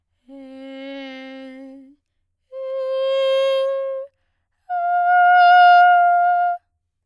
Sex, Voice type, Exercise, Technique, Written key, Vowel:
female, soprano, long tones, messa di voce, , e